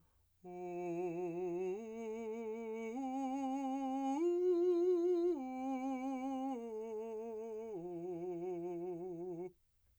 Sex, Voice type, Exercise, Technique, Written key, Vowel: male, , arpeggios, slow/legato piano, F major, u